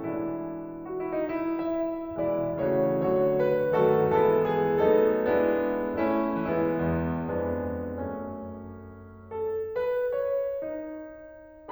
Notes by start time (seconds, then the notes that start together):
0.00 B2 E3 G#3 D4 E4
0.64 F#4
0.86 E4
1.17 D#4
1.35 E4
1.61 E5
2.16 B2 E3 G#3 E4 D5
2.58 C#3 E3 A3 E4 C#5
2.97 D3 F#3 A3 F#4 C#5
3.41 B4
3.77 D#3 F#3 A3 B3 F#4 A4
4.19 E3 G#3 B3 E4 A4
4.55 G#4
4.89 F#3 A3 B3 D#4 A4
5.19 G#3 B3 D4 E4
5.94 A3 C#4 E4
6.41 E3 G#3 B3 E4
6.83 E2
7.27 F2 G#3 B3 D4
8.07 F#2 A3 C#4
9.42 A4
9.78 B4
10.16 C#5
10.69 D#4